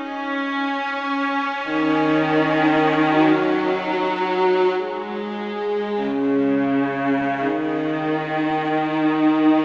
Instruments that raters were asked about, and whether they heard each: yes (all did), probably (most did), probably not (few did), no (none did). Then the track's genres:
bass: no
guitar: no
ukulele: no
cymbals: no
cello: yes
violin: yes
Experimental; Ambient